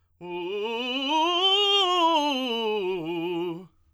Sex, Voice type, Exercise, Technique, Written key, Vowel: male, tenor, scales, fast/articulated forte, F major, u